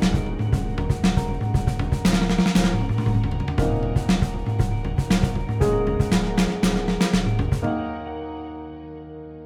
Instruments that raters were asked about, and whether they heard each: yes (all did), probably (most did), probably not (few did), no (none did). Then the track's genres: cymbals: yes
Rock; Indie-Rock; Instrumental